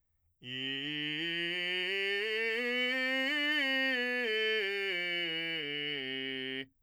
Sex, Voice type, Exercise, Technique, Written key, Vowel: male, , scales, belt, , i